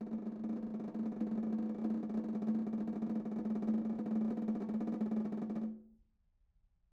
<region> pitch_keycenter=62 lokey=62 hikey=62 volume=22.322607 offset=197 lovel=0 hivel=54 ampeg_attack=0.004000 ampeg_release=0.3 sample=Membranophones/Struck Membranophones/Snare Drum, Modern 1/Snare2_rollNS_v2_rr1_Mid.wav